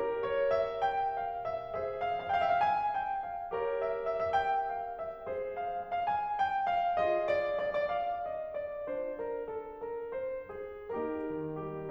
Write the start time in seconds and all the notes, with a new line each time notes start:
0.00 G4 A#4
0.24 C#5
0.51 E5
0.81 G5
1.22 F5
1.51 E5
1.81 G#4 C5 E5
2.02 F5
2.29 F5
2.36 G5
2.52 E5
2.59 F5
2.67 G#5
2.95 G5
3.26 F5
3.52 G4 A#4 C#5
3.74 E5
4.02 E5
4.31 E5
4.35 G5
4.67 F5
4.90 E5
5.33 G#4 C5
5.57 F5
5.85 F5
6.07 F5
6.13 G#5
6.33 G5
6.64 F5
7.04 F4 G#4 D#5
7.28 D5
7.58 D5
7.86 D5 F5
8.25 D#5
8.56 D5
8.92 D4 F4 C5
9.23 A#4
9.47 A4
9.87 A#4
10.16 C5
10.52 G#4
10.88 A#3 D#4 G4 A#4
11.25 D#3
11.49 G3 G4